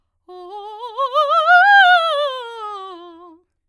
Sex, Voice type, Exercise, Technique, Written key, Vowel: female, soprano, scales, fast/articulated forte, F major, o